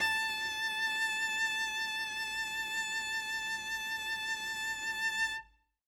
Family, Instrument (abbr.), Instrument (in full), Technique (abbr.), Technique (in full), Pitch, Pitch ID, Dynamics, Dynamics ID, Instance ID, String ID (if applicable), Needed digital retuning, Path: Strings, Vc, Cello, ord, ordinario, A5, 81, ff, 4, 0, 1, TRUE, Strings/Violoncello/ordinario/Vc-ord-A5-ff-1c-T13d.wav